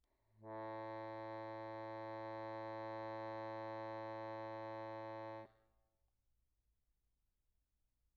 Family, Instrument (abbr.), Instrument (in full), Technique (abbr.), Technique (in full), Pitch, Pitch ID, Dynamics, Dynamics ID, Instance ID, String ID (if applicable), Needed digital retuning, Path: Keyboards, Acc, Accordion, ord, ordinario, A2, 45, pp, 0, 1, , FALSE, Keyboards/Accordion/ordinario/Acc-ord-A2-pp-alt1-N.wav